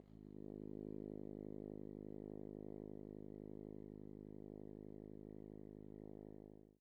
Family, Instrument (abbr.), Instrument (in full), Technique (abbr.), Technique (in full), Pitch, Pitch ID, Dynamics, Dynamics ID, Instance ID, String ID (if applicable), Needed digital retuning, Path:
Brass, Hn, French Horn, ord, ordinario, G#1, 32, mf, 2, 0, , FALSE, Brass/Horn/ordinario/Hn-ord-G#1-mf-N-N.wav